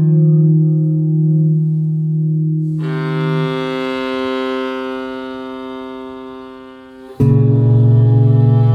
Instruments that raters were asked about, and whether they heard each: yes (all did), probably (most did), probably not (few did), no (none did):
clarinet: yes
bass: no